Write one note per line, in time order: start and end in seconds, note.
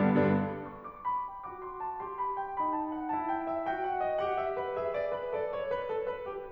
0.01 0.23 G2
0.01 0.23 D3
0.01 0.23 G3
0.01 0.23 B3
0.01 0.23 D4
0.24 0.84 G2
0.24 0.84 D3
0.24 0.84 G3
0.24 0.56 B3
0.24 0.56 D4
0.71 0.84 C#6
0.85 1.04 D6
1.06 1.27 B5
1.28 1.44 G5
1.45 2.00 F#4
1.45 1.63 D6
1.64 1.80 C6
1.81 2.00 A5
2.01 2.59 G4
2.01 2.19 C6
2.21 2.40 B5
2.41 2.59 G5
2.60 3.15 D#4
2.60 2.75 B5
2.76 2.97 A5
2.97 3.15 F#5
3.16 3.65 E4
3.16 3.29 A5
3.30 3.45 G5
3.46 3.65 E5
3.66 4.19 F#4
3.66 3.83 G5
3.84 3.99 F#5
4.01 4.19 D5
4.20 4.78 G4
4.20 4.37 F#5
4.38 4.57 E5
4.59 4.78 B4
4.79 5.35 G#4
4.79 4.98 E5
4.99 5.18 D5
5.19 5.35 B4
5.38 5.87 A4
5.38 5.54 D5
5.55 5.71 C#5
5.72 5.87 B4
5.90 6.01 A4
6.04 6.27 B4
6.29 6.49 G4